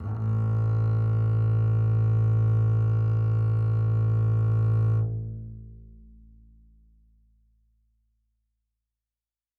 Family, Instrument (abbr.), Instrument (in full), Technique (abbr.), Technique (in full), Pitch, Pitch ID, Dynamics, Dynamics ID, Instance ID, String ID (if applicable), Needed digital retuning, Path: Strings, Cb, Contrabass, ord, ordinario, A1, 33, mf, 2, 2, 3, FALSE, Strings/Contrabass/ordinario/Cb-ord-A1-mf-3c-N.wav